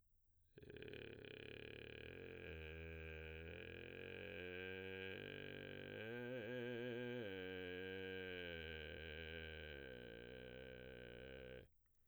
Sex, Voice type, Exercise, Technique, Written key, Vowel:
male, baritone, arpeggios, vocal fry, , e